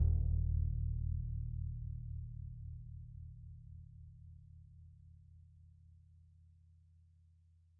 <region> pitch_keycenter=66 lokey=66 hikey=66 volume=23.181842 lovel=55 hivel=83 ampeg_attack=0.004000 ampeg_release=2.000000 sample=Membranophones/Struck Membranophones/Bass Drum 2/bassdrum_roll_mp_rel.wav